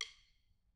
<region> pitch_keycenter=64 lokey=64 hikey=64 volume=9.268060 offset=189 seq_position=1 seq_length=2 ampeg_attack=0.004000 ampeg_release=15.000000 sample=Membranophones/Struck Membranophones/Snare Drum, Modern 1/Snare2_stick_v1_rr1_Mid.wav